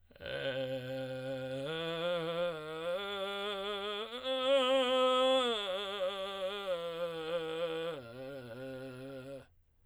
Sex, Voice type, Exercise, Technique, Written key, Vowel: male, tenor, arpeggios, vocal fry, , e